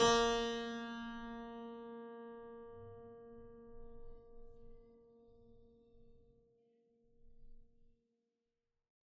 <region> pitch_keycenter=46 lokey=46 hikey=47 volume=1.185090 trigger=attack ampeg_attack=0.004000 ampeg_release=0.40000 amp_veltrack=0 sample=Chordophones/Zithers/Harpsichord, Flemish/Sustains/High/Harpsi_High_Far_A#2_rr1.wav